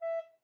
<region> pitch_keycenter=76 lokey=76 hikey=77 tune=-6 volume=11.499818 offset=118 ampeg_attack=0.005 ampeg_release=10.000000 sample=Aerophones/Edge-blown Aerophones/Baroque Soprano Recorder/Staccato/SopRecorder_Stac_E4_rr1_Main.wav